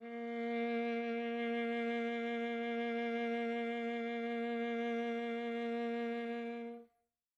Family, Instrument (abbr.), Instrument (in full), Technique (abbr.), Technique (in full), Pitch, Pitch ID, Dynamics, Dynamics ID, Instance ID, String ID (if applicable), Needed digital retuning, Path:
Strings, Va, Viola, ord, ordinario, A#3, 58, mf, 2, 3, 4, FALSE, Strings/Viola/ordinario/Va-ord-A#3-mf-4c-N.wav